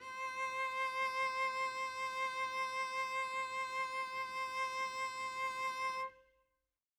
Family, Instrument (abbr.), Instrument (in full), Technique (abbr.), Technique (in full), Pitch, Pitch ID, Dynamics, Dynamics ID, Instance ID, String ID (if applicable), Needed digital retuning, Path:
Strings, Vc, Cello, ord, ordinario, C5, 72, mf, 2, 0, 1, TRUE, Strings/Violoncello/ordinario/Vc-ord-C5-mf-1c-T11u.wav